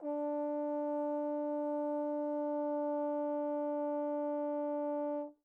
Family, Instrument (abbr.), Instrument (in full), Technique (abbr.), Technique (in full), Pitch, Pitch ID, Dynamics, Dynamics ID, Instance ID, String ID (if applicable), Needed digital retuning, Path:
Brass, Tbn, Trombone, ord, ordinario, D4, 62, pp, 0, 0, , FALSE, Brass/Trombone/ordinario/Tbn-ord-D4-pp-N-N.wav